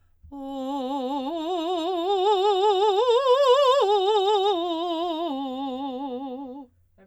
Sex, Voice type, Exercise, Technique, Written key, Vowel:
female, soprano, arpeggios, vibrato, , o